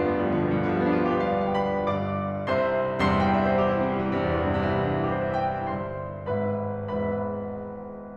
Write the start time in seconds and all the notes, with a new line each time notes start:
0.00 B3
0.06 G3
0.20 F3
0.29 D3
0.35 B2
0.43 G2
0.48 B2
0.58 D3
0.68 F3
0.79 G3
0.89 B3
1.00 D4
1.07 F4
1.17 G4
1.25 B4
1.37 D5
1.46 F5
1.56 D5
1.67 F5
1.78 G5
1.89 B5
2.01 G1 G2 D5 F5 D6
2.46 C2 C3 C5 E5 C6
3.01 C2 E2 G2 C3 C6
3.18 G5
3.31 E5
3.42 C5
3.55 G4
3.66 E4
3.81 C4
3.92 G3
4.08 E3
4.20 C3
4.34 G2
4.50 E2
4.64 C2
4.73 E2
4.79 G2
4.90 C3
4.97 E3
5.05 G3
5.12 C4
5.20 E4
5.28 G4
5.36 C5
5.45 E5
5.55 G5
5.65 G1 G2 C5 E5 C6
6.28 G#1 G#2 B4 E5 B5
7.02 G#1 E2 G#2 B4 E5 B5